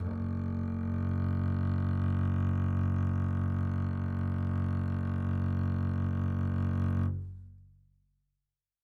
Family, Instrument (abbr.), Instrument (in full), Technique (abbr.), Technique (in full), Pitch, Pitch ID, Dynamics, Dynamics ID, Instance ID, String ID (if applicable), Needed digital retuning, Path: Strings, Cb, Contrabass, ord, ordinario, F#1, 30, mf, 2, 3, 4, FALSE, Strings/Contrabass/ordinario/Cb-ord-F#1-mf-4c-N.wav